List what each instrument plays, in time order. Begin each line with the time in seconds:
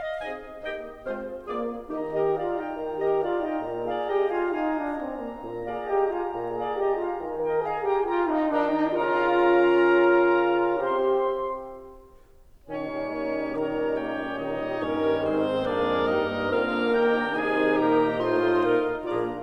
0.00 clarinet D#5
0.22 bassoon C4 D#4, clarinet G#4 D#5, oboe D#5 G#5
0.66 bassoon A#3 D#4, clarinet G4 D#5, oboe D#5 G5
1.06 bassoon G#3 C4, clarinet F4 C5, oboe C5 F5
1.51 bassoon A#3 F4, horn A#3, clarinet F4 G#4, oboe D5
1.95 horn D#3 D#4, bassoon D#3 D#4, clarinet G4, oboe D#5 A#5
2.17 horn G4, clarinet A#4 D#5
2.37 horn F4, clarinet D5 F5
2.59 horn D#4, clarinet D#5 G5
2.74 horn D#3
2.96 horn G4, clarinet A#4 D#5
3.22 horn F4, clarinet D5 F5
3.42 horn D#4, clarinet D#5 G5
3.63 horn A#2
3.85 horn G#4, clarinet D5 F5
4.08 horn G4, clarinet D#5 G5
4.30 horn F4, clarinet F5 G#5
4.50 horn D#4, clarinet F5 G#5
4.76 horn D4
5.00 horn C4
5.20 horn A#3
5.45 horn A#2
5.68 horn G#4, clarinet D5 F5
5.90 horn G4, clarinet D#5 G5
6.14 horn F4, clarinet F5 G#5
6.30 horn A#2
6.52 horn G#4, clarinet D5 F5
6.80 horn G4, clarinet D#5 G5
7.00 horn F4, clarinet F5 G#5
7.21 horn D#3
7.42 horn A#4, clarinet D#5 G5
7.66 horn G#4, clarinet F5 G#5, oboe A#5
7.92 horn G4, clarinet G5 A#5
8.10 horn F4, clarinet G5 A#5, oboe A#5
8.23 horn D#4
8.48 bassoon D#3 D#4, horn D4, clarinet A#4 A#5, oboe G5 A#5
8.80 horn D#4
9.06 bassoon C#3 C#4, horn F4, clarinet A#4 A#5, oboe F5 A#5
11.08 bassoon C3 C4, horn G4, clarinet C5 C6, oboe E5 C6
12.70 bassoon A#2 D#3, clarinet C#4 C#5, horn C#4 D#4, oboe C#6
12.93 bassoon G3
13.15 bassoon A#3
13.39 bassoon G3
13.57 bassoon D#3, clarinet A#4 C#5, oboe A#5
13.80 bassoon G3
14.01 bassoon A#3, clarinet G4, oboe G5
14.25 bassoon G3
14.42 bassoon A#2 D#3, clarinet D#4 C#5, oboe D#5
14.64 bassoon G3
14.83 bassoon G2 A#3, horn D#3 D#4, clarinet C#4 A#4, oboe A#4 C#5
15.01 bassoon G3
15.22 bassoon G#2 G#3, clarinet C4 G#4, oboe C5
15.43 bassoon C4
15.60 bassoon G2 A#3, horn A#3, clarinet D4 G#4, oboe A#4 D5
15.85 bassoon G#3
16.06 bassoon G2 G3, clarinet D#4, oboe A#4 D#5
16.34 bassoon A#3
16.57 bassoon D3 C4, horn A#3, clarinet F4 A#4, oboe F5 A#5
16.76 bassoon D4
16.95 bassoon D#3 D#4, clarinet G4, oboe G5
17.14 bassoon D4
17.37 bassoon C3 D#4, horn D#3 D#4, clarinet G#4, oboe G#5
17.58 bassoon C4
17.79 bassoon A#2 A#3, clarinet G4 A#4, oboe G5 A#5
18.20 bassoon A2 A3, horn D#4 F4, clarinet F4 C5, oboe D#5 C6
18.61 bassoon A#2 A#3, clarinet A#4, oboe F5
18.98 bassoon A#1 A#2, horn A#3 F4, clarinet D4 G#4, oboe D5 A#5